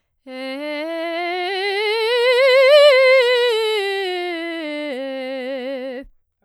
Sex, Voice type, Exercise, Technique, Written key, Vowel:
female, soprano, scales, vibrato, , e